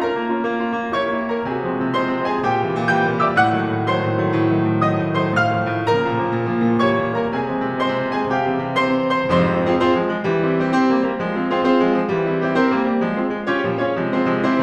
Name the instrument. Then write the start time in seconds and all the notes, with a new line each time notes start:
piano
0.00 C#4 F4 A#4 A#5
0.20 A#3
0.36 C#4 F4
0.51 A#3
0.65 C#4 F4
0.80 A#3
0.96 E4 G4 C#5 C#6
1.10 A#3
1.28 E4 G4
1.35 A#4 A#5
1.44 C3 G#4 G#5
1.60 F3 G#3 C4
1.79 C3
1.96 F3 G#3 C4 C5 C6
2.12 C3
2.29 F3 G#3 C4
2.36 G#4 G#5
2.44 A#2 G4 G5
2.64 C3 E3 G3
2.76 A#2
2.89 C3 E3 G3 G5 G6
3.03 A#2
3.18 C3 E3 G3
3.29 E5 E6
3.37 A2 F#5 F#6
3.54 D#3 F#3 A3
3.68 A2
3.87 D#3 F#3 A3 C5 C6
3.99 A2
4.16 D#3 F#3 A3
4.26 A2
4.47 D#3 F#3 A3
4.62 A2
4.76 D#3 F#3 A3 D#5 D#6
4.95 A2
5.13 D#3 F#3 A3
5.24 C5 C6
5.33 A2 F5 F6
5.53 D#3 F3 A3
5.71 A2
5.94 C#3 F3 A#3 A#4 A#5
6.10 A#2
6.22 C#3 F3 A#3
6.37 A#2
6.51 C#3 F3 A#3
6.69 A#2
6.84 E3 G3 A#3 C#5 C#6
7.00 A#2
7.20 E3 G3 A#3
7.28 A#4 A#5
7.35 C3 G#4 G#5
7.49 F3 G#3 C4
7.63 C3
7.78 F3 G#3 C4 C5 C6
7.93 C3
8.08 F3 G#3 C4
8.19 G#4 G#5
8.28 C3 G4 G5
8.41 E3 G3 C4
8.54 C3
8.75 E3 G3 C4 C5 C6
8.94 C3
9.29 E3 G3 C4 C5 C6
9.45 F2 G#2 C3 F3 C5 C6
9.61 C4 F4 G#4 C5
9.75 C4 F4 G#4 C5
9.88 C4 F4 G#4 C5
9.98 F3 G#3
10.11 F3 G#3
10.27 E3 G3
10.48 C4 E4 G4 C5
10.68 C4 E4 G4 C5
10.86 C4 G4 A#4 C5
10.99 G3 A#3
11.11 G3 A#3
11.25 F3 G#3
11.37 C4 F4 G#4 C5
11.52 C4 F4 G#4 C5
11.67 C4 F4 G#4 C5
11.88 F3 G#3
12.03 F3 G#3
12.17 E3 G3 F4
12.29 C4 E4 G4 C5
12.42 C4 E4 G4 C5
12.57 C4 G4 A#4 C5
12.70 G3 A#3
12.83 G3 A#3
12.98 F3 G#3
13.19 C4 F4 G#4 C5
13.34 F3 G#3
13.48 C#4 F4 G4 C#5
13.68 A#2 F3 G3
13.85 C#4 F4 G4 C#5
13.99 C3 F3 G#3
14.16 C4 F4 G#4 C5
14.30 C3 F3 G#3
14.45 C4 E4 G4 C5